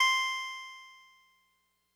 <region> pitch_keycenter=72 lokey=71 hikey=74 tune=-1 volume=6.076694 lovel=100 hivel=127 ampeg_attack=0.004000 ampeg_release=0.100000 sample=Electrophones/TX81Z/Clavisynth/Clavisynth_C4_vl3.wav